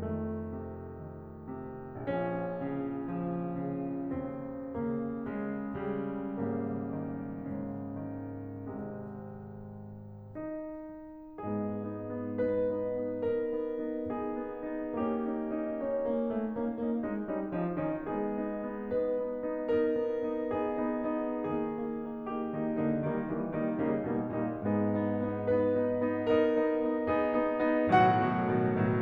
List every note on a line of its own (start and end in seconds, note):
0.00 1.97 F2
0.00 0.58 D#3
0.00 1.97 A3
0.59 1.13 C3
1.15 1.50 D#3
1.51 1.97 C3
2.02 4.10 A#1
2.02 2.45 F3
2.02 4.10 C#4
2.47 3.22 C#3
3.23 3.60 F3
3.61 4.10 C#3
4.18 6.42 D#2
4.18 4.71 C#3
4.18 4.71 C4
4.75 5.41 C#3
4.75 5.41 A#3
5.42 5.94 C#3
5.42 5.94 G#3
5.96 6.42 C#3
5.96 6.42 G3
6.44 7.45 G#1
6.44 6.88 C#3
6.44 8.68 G3
6.44 8.68 A#3
6.94 7.45 D#3
7.52 8.68 A#2
7.52 8.06 C#3
8.15 8.68 D#3
8.81 10.33 G#1
8.81 10.33 C3
8.81 10.33 G#3
10.34 11.41 D#4
11.42 13.17 G#2
11.42 13.17 G#3
11.42 11.83 B3
11.42 11.83 D#4
11.42 12.38 G#4
11.85 12.11 B3
11.85 12.11 D#4
12.12 12.38 B3
12.12 12.38 D#4
12.40 12.64 B3
12.40 12.64 D#4
12.40 13.17 B4
12.65 12.92 B3
12.65 12.92 D#4
12.93 13.17 B3
12.93 13.17 D#4
13.18 13.43 B3
13.18 13.43 D#4
13.18 14.07 A#4
13.44 13.66 B3
13.44 13.66 D#4
13.68 14.07 B3
13.68 14.07 D#4
14.08 14.38 B3
14.08 14.38 D#4
14.08 14.98 G#4
14.41 14.68 B3
14.41 14.68 D#4
14.69 14.98 B3
14.69 14.98 D#4
15.00 16.14 A#3
15.00 15.31 C#4
15.00 15.31 D#4
15.00 15.87 G4
15.33 15.59 C#4
15.33 15.59 D#4
15.62 15.87 C#4
15.62 15.87 D#4
15.88 16.14 C#4
15.88 16.14 D#4
15.88 16.57 C#5
16.15 16.34 A#3
16.15 16.34 C#4
16.15 16.34 D#4
16.35 16.57 A3
16.35 16.57 C#4
16.35 16.57 D#4
16.59 16.80 A#3
16.59 16.80 C#4
16.59 16.80 D#4
16.81 17.03 A#3
16.81 17.03 C#4
16.81 17.03 D#4
17.04 17.25 G#3
17.04 17.25 C#4
17.04 17.25 D#4
17.26 17.52 G3
17.26 17.52 C#4
17.26 17.52 D#4
17.53 17.80 F3
17.53 17.80 C#4
17.53 17.80 D#4
17.81 18.07 D#3
17.81 18.07 C#4
17.81 18.07 D#4
18.08 18.94 G#3
18.08 18.38 B3
18.08 18.38 D#4
18.08 18.94 G#4
18.40 18.66 B3
18.40 18.66 D#4
18.67 18.94 B3
18.67 18.94 D#4
18.96 19.25 B3
18.96 19.25 D#4
18.96 19.84 B4
19.27 19.57 B3
19.27 19.57 D#4
19.60 19.84 B3
19.60 19.84 D#4
19.85 20.10 B3
19.85 20.10 D#4
19.85 20.55 A#4
20.12 20.32 B3
20.12 20.32 D#4
20.33 20.55 B3
20.33 20.55 D#4
20.57 20.89 B3
20.57 20.89 D#4
20.57 21.41 G#4
20.89 21.13 B3
20.89 21.13 D#4
21.14 21.41 B3
21.14 21.41 D#4
21.42 22.58 D#3
21.42 21.70 A#3
21.42 21.70 D#4
21.42 22.28 G#4
21.71 21.97 A#3
21.71 21.97 D#4
21.98 22.28 A#3
21.98 22.28 D#4
22.29 22.58 A#3
22.29 22.58 D#4
22.29 23.06 G4
22.60 22.83 D#3
22.60 22.83 A#3
22.60 22.83 D#4
22.83 23.06 D3
22.83 23.06 A#3
22.83 23.06 D#4
23.08 23.31 D#3
23.08 23.31 G3
23.08 23.31 A#3
23.08 23.31 D#4
23.32 23.58 E3
23.32 23.58 G3
23.32 23.58 A#3
23.32 23.58 D#4
23.60 23.82 D#3
23.60 23.82 G3
23.60 23.82 A#3
23.60 23.82 D#4
23.84 24.11 C#3
23.84 24.11 G3
23.84 24.11 A#3
23.84 24.11 D#4
24.14 24.36 B2
24.14 24.36 G3
24.14 24.36 A#3
24.14 24.36 D#4
24.37 24.58 A#2
24.37 24.58 G3
24.37 24.58 A#3
24.37 24.58 D#4
24.60 25.45 G#2
24.60 24.89 B3
24.60 24.89 D#4
24.60 25.45 G#4
24.90 25.21 B3
24.90 25.21 D#4
25.22 25.45 B3
25.22 25.45 D#4
25.46 25.69 B3
25.46 25.69 D#4
25.46 26.20 B4
25.72 25.95 B3
25.72 25.95 D#4
25.96 26.20 B3
25.96 26.20 D#4
26.22 26.47 B3
26.22 26.47 D#4
26.22 27.05 A#4
26.51 26.76 B3
26.51 26.76 D#4
26.77 27.05 B3
26.77 27.05 D#4
27.09 27.40 B3
27.09 27.40 D#4
27.09 27.90 G#4
27.41 27.62 B3
27.41 27.62 D#4
27.65 27.90 B3
27.65 27.90 D#4
27.91 28.27 A2
27.91 28.27 B2
27.91 28.27 D#3
27.91 28.27 F#3
27.91 28.78 F#4
27.91 29.01 F#5
28.29 28.54 A2
28.29 28.54 B2
28.29 28.54 D#3
28.29 28.54 F#3
28.55 28.78 A2
28.55 28.78 B2
28.55 28.78 D#3
28.55 28.78 F#3
28.78 29.01 A2
28.78 29.01 B2
28.78 29.01 D#3
28.78 29.01 F#3